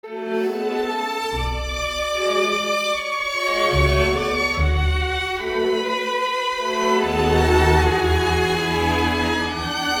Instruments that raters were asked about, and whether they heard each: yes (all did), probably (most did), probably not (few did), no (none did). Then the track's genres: guitar: no
banjo: no
violin: yes
Classical; Chamber Music